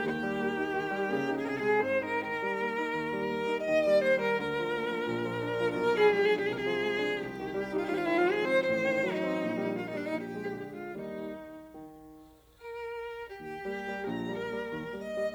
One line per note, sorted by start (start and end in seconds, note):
0.01 0.74 D#2
0.01 1.42 G4
0.19 0.55 G3
0.38 0.74 A#3
0.56 0.91 D#4
0.75 1.04 D#3
0.91 1.24 G3
1.04 1.42 C#3
1.04 1.42 A#3
1.25 1.60 D#4
1.43 1.78 C3
1.43 1.49 G#4
1.49 1.55 A#4
1.55 1.61 G#4
1.61 1.98 G#3
1.61 1.70 G4
1.70 1.79 G#4
1.79 2.17 G#2
1.79 2.17 C4
1.79 1.98 C5
1.98 2.17 D#4
1.98 2.17 A#4
2.17 2.92 D#3
2.17 3.64 A#4
2.35 2.73 G3
2.55 2.92 A#3
2.75 3.09 D#4
2.93 3.64 D#2
3.11 3.48 G3
3.29 3.64 A#3
3.48 3.83 D#4
3.65 4.35 D#2
3.65 4.35 D#3
3.65 3.84 D#5
3.84 4.19 G3
3.84 4.02 D5
4.02 4.35 A#3
4.02 4.20 C5
4.20 4.35 G3
4.20 4.35 A#4
4.36 5.01 D2
4.36 5.01 D3
4.36 5.74 A#4
4.52 4.87 F3
4.70 5.01 A#3
4.88 5.18 F3
5.02 5.74 A#1
5.02 5.74 A#2
5.20 5.56 F3
5.38 5.74 D4
5.56 5.93 F3
5.74 6.46 B1
5.74 6.46 B2
5.74 5.83 A#4
5.83 6.11 G#4
5.93 6.29 F3
6.11 6.46 G#3
6.11 6.29 G4
6.30 6.46 D4
6.30 6.46 G#4
6.47 7.18 C2
6.47 7.18 C3
6.47 6.52 G4
6.52 6.59 G#4
6.59 6.65 A#4
6.65 7.00 F3
6.65 7.19 G#4
6.83 7.18 G#3
7.00 7.38 D4
7.19 7.89 C2
7.19 7.89 G4
7.39 7.71 D#3
7.55 7.89 G3
7.73 8.07 C4
7.90 8.63 G#1
7.90 8.63 G#2
7.90 7.97 F4
7.97 8.02 G4
8.02 8.07 F4
8.07 8.43 D#3
8.07 8.17 E4
8.17 8.24 F4
8.24 8.63 F3
8.24 8.43 G#4
8.45 8.63 C4
8.45 8.63 C5
8.64 9.39 A1
8.64 9.39 A2
8.64 9.00 C5
8.83 9.20 D#3
9.02 9.39 F#3
9.02 9.72 D#4
9.20 9.54 C4
9.39 10.09 A#1
9.39 10.09 A#2
9.54 9.91 D#3
9.54 9.91 G3
9.73 10.09 A#3
9.73 9.83 F4
9.83 9.92 D#4
9.92 10.32 D#3
9.92 10.32 G3
9.92 10.01 D4
10.01 10.11 D#4
10.11 10.90 A#1
10.11 10.70 G4
10.33 10.70 G#3
10.51 10.90 D3
10.71 10.90 G#3
10.71 10.90 F4
10.91 11.52 D#2
10.91 11.52 D#3
10.91 11.52 G3
10.91 11.52 D#4
11.53 12.31 D#3
12.32 13.28 A#4
13.29 14.04 D#2
13.29 14.04 G4
13.53 13.76 G3
13.53 13.76 A#3
13.78 14.04 G3
13.78 14.04 A#3
14.05 14.69 A#1
14.05 14.97 A#4
14.30 14.54 G3
14.30 14.54 A#3
14.55 14.69 G3
14.55 14.69 A#3
14.70 15.34 D#2
14.90 15.10 G3
14.90 15.10 A#3
14.97 15.34 D#5
15.10 15.34 G3
15.10 15.34 A#3